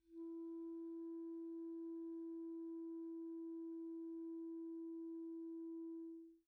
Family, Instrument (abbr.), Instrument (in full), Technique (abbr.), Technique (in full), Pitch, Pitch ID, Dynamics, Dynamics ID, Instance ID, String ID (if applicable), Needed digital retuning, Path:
Winds, ClBb, Clarinet in Bb, ord, ordinario, E4, 64, pp, 0, 0, , FALSE, Winds/Clarinet_Bb/ordinario/ClBb-ord-E4-pp-N-N.wav